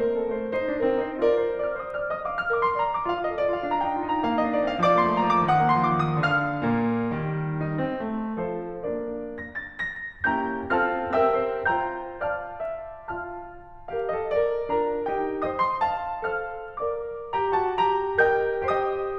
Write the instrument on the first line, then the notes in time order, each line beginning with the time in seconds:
piano
0.00 A#3 A#4
0.14 C4 A4
0.35 A3 C5
0.53 D#4 C5
0.67 D4 D5
0.79 C4 D#5
0.95 D#4 C5
1.21 F4 A#4 D5
1.38 D#5
1.52 D5 F6
1.72 C5 D#6
1.92 D5 F6
2.09 D#5 D#6
2.26 F5 D6
2.38 D5 F6
2.53 A#4 D6
2.65 C5 C6
2.79 D5 A#5
2.91 A#4 D6
3.05 F4 F5
3.18 A4 D#5
3.32 A#4 D5
3.49 F4 F5
3.66 D4 A#5
3.80 D#4 G5
3.97 F4 F5
4.10 D4 A#5
4.25 A#3 F5
4.38 C4 D#5
4.53 D4 D5
4.70 A#3 F5
4.84 F3 D5 D6
5.03 A3 C6
5.17 A#3 A#5
5.34 F3 D6
5.49 D#3 F#5 D#6
5.65 A#3 C6
5.82 F3 D6
5.97 D#3 D#6
6.19 D3 D5 D6
6.64 A#2 A#3
7.16 D#3 G3
7.69 D#4
7.88 C4
8.07 A3
8.52 F3 F4 A4 C5
8.95 A#3 D4 A#4 D5
9.47 A#6
9.62 A6
9.78 A#6
10.25 A#3 C#4 E4 G4 G5 A#5 G6
10.67 C4 F4 A4 F5 A5 F6
11.09 C4 G4 A#4 E5 G5 E6
11.44 C5
11.68 F4 C5 G5 A#5 G6
12.21 F4 D5 F5 A5 F6
12.62 E5
13.26 F4 F5 A5 F6
13.91 G4 A#4 F5
14.09 A4 C5 D#5
14.27 A#4 D5
14.73 D4 F4 A#4 D6
15.08 D#4 G4 G5
15.44 C5 D#5 D#6
15.59 D#5 G5 C6
15.80 F5 A5
16.38 A4 C5 F5 F6
16.89 A#4 D5 D6
17.32 G4 A#5
17.62 F#4 A5
17.80 G4 A#5
18.24 G4 A#4 D#5 G5 G6
18.77 G4 C5 D#5 G5 D#6